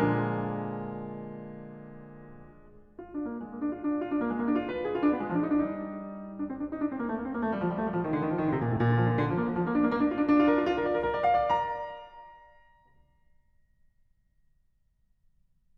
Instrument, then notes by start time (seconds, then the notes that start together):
piano
0.00 A#2 D3 F3 G#3 D4 F4 A#4
2.98 F4
3.12 D4
3.29 A#3
3.41 G#3
3.52 A#3
3.62 D4
3.75 F4
3.89 D4
4.02 F4
4.12 D4
4.24 A#3
4.33 G#3
4.44 A#3
4.53 D4
4.62 F4
4.71 B4
4.83 G#4
4.95 F4
5.03 D4
5.14 B3
5.24 G#3
5.31 F3
5.45 D4
5.60 G3 D4
5.74 D#4
5.80 F4
5.87 D#4
6.00 F4
6.06 D#4
6.28 D4
6.43 C4
6.59 D4
6.71 D#4
6.85 D4
6.94 C4
6.99 A#3
7.09 A3
7.16 A#3
7.24 C4
7.34 A#3
7.42 A3
7.52 G3
7.62 F3
7.71 G3
7.80 A3
7.87 G3
7.94 F3
8.03 D#3
8.14 D3
8.22 D#3
8.31 F3
8.42 D#3
8.48 D3
8.53 C3
8.64 A#2
8.73 A2
8.80 A#2
8.90 D3
9.00 F3
9.09 D3
9.20 D3
9.30 F3
9.40 A#3
9.46 F3
9.53 F3
9.65 A#3
9.74 D4
9.83 A#3
9.91 A#3
10.00 D4
10.09 F4
10.18 D4
10.26 D4
10.39 F4
10.48 A#4
10.57 F4
10.63 F4
10.76 A#4
10.86 D5
10.99 A#4
11.11 A#4
11.24 D5
11.40 F5
11.64 D5
12.02 A#5